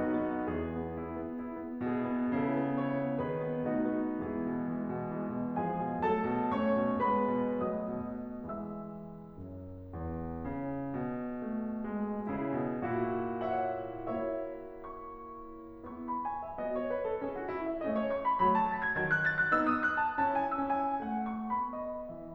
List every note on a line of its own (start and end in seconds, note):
0.00 0.44 B1
0.00 0.44 B2
0.00 0.21 D#4
0.00 0.44 F#4
0.23 0.75 B3
0.44 1.35 E2
0.44 1.35 E3
0.44 1.35 G#4
0.75 1.00 B3
1.01 1.18 E4
1.18 1.35 B3
1.36 1.57 E4
1.59 1.79 B3
1.80 2.33 B2
1.80 2.04 E4
1.80 2.33 G#4
2.04 2.33 B3
2.33 3.26 C#3
2.33 2.58 E4
2.33 2.77 A4
2.59 2.77 B3
2.80 3.02 E4
2.80 3.26 C#5
3.03 3.26 B3
3.27 3.72 D#3
3.27 3.51 F#4
3.27 3.72 B4
3.51 3.72 B3
3.72 4.23 B2
3.72 4.23 A3
3.72 4.03 D#4
3.72 4.23 F#4
4.04 4.23 B3
4.24 4.45 E3
4.24 4.45 G#3
4.24 5.18 B3
4.24 5.18 E4
4.24 5.18 G#4
4.46 4.73 B2
4.74 4.91 E3
4.74 4.91 G#3
4.92 5.18 B2
5.18 5.36 E3
5.18 5.36 G#3
5.36 5.60 B2
5.61 5.78 F3
5.61 5.78 G#3
5.61 6.01 G#4
5.61 6.01 G#5
5.79 6.01 B2
6.03 6.23 F#3
6.03 6.23 A3
6.03 6.56 A4
6.03 6.56 A5
6.25 6.56 B2
6.56 6.77 A3
6.56 6.77 C#4
6.56 7.02 C#5
6.56 7.02 C#6
6.78 7.02 B2
7.04 7.31 G#3
7.04 7.31 B3
7.04 7.62 B4
7.04 7.62 B5
7.33 7.62 B2
7.62 7.89 F#3
7.62 7.89 A3
7.62 8.43 D#5
7.62 8.43 D#6
7.89 8.43 B2
8.44 9.38 E3
8.44 9.38 G#3
8.44 9.90 E5
8.44 9.90 E6
9.39 9.90 F#2
9.91 10.40 E2
10.40 10.96 C#3
10.96 12.34 B2
11.41 11.87 A3
11.88 12.34 G#3
12.35 12.57 C#3
12.35 12.83 E4
12.35 12.83 G#4
12.57 12.83 B2
12.83 14.25 A#2
12.83 13.55 E4
12.83 13.55 F#4
13.55 14.25 C#5
13.55 14.25 E5
13.55 14.25 F#5
14.25 15.55 A#3
14.25 15.55 E4
14.25 15.55 F#4
14.25 15.55 C#5
14.25 15.03 E5
15.03 15.55 C#6
15.55 16.22 B3
15.55 16.22 E4
15.55 16.22 G#4
15.55 16.02 C#6
16.03 16.22 B5
16.22 16.40 G#5
16.42 16.58 E5
16.58 16.93 B3
16.58 16.93 F#4
16.58 16.79 D#5
16.80 16.93 C#5
16.94 17.04 B4
17.04 17.17 A4
17.18 17.51 C#4
17.18 17.51 E4
17.18 17.36 G#4
17.37 17.51 F#4
17.51 17.65 E4
17.66 17.80 E5
17.81 18.08 A3
17.81 18.08 C#4
17.81 18.00 D#5
18.00 18.08 C#5
18.08 18.23 C#6
18.23 18.40 B5
18.41 18.73 F#3
18.41 18.73 A3
18.41 18.55 B5
18.56 18.73 A5
18.73 18.82 A6
18.82 18.96 G#6
18.96 19.21 D#3
18.96 19.21 F#3
18.96 19.06 G#6
19.08 19.21 F#6
19.23 19.40 A6
19.42 19.53 F#6
19.53 19.81 B3
19.53 19.81 D#4
19.53 19.67 E6
19.67 19.81 D#6
19.82 19.98 F#6
19.99 20.18 A5
20.18 20.51 C#4
20.18 20.51 E4
20.18 20.32 A5
20.33 20.51 G#5
20.53 20.99 C#4
20.53 20.99 E4
20.53 20.72 E6
20.74 20.99 G#5
21.01 21.51 A3
21.01 21.25 F#5
21.27 21.51 C#6
21.51 22.34 B3
21.51 21.82 B5
21.84 22.34 D#5